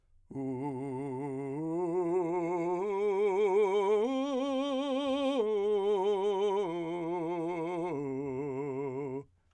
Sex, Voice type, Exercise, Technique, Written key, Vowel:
male, , arpeggios, vibrato, , u